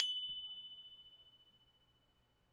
<region> pitch_keycenter=90 lokey=90 hikey=92 volume=11.584981 lovel=66 hivel=99 ampeg_attack=0.004000 ampeg_release=30.000000 sample=Idiophones/Struck Idiophones/Tubular Glockenspiel/F#1_medium1.wav